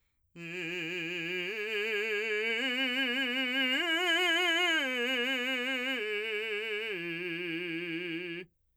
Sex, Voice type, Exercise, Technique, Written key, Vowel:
male, , arpeggios, slow/legato forte, F major, i